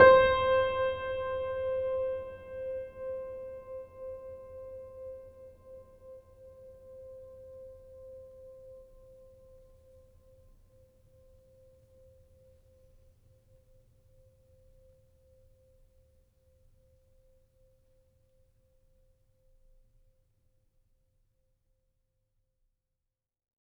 <region> pitch_keycenter=72 lokey=72 hikey=73 volume=0.197136 lovel=0 hivel=65 locc64=65 hicc64=127 ampeg_attack=0.004000 ampeg_release=0.400000 sample=Chordophones/Zithers/Grand Piano, Steinway B/Sus/Piano_Sus_Close_C5_vl2_rr1.wav